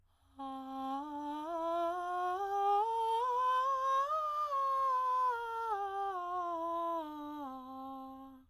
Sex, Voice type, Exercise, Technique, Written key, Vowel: female, soprano, scales, breathy, , a